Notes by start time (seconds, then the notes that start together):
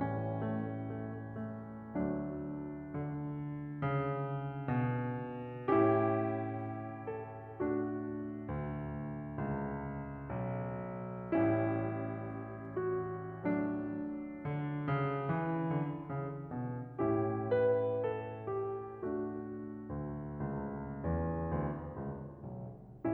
0.01 A2 E3 G3 C#4
0.46 A3
1.13 A3
1.48 A3
1.92 D2 F#3 A3 D4
2.92 D3
3.76 C#3
4.72 B2
5.68 A2 C#4 E4 G4
7.06 A4
7.60 A3 D4 F#4
8.49 D2
9.44 C#2
10.41 B1
11.36 A1 G3 C#4 E4
12.81 F#4
13.46 F#3 A3 D4
14.45 D3
14.89 C#3
15.32 E3
15.74 D3
16.11 C#3
16.54 B2
17.04 A2 C#4 E4 G4
17.50 B4
18.04 A4
18.54 G4
19.06 A3 D4 F#4
19.91 D2
20.37 C#2
21.00 E2
21.50 D2
22.01 C#2
22.55 B1